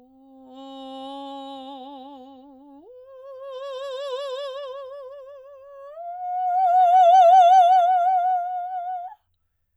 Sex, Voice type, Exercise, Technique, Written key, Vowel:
female, soprano, long tones, messa di voce, , o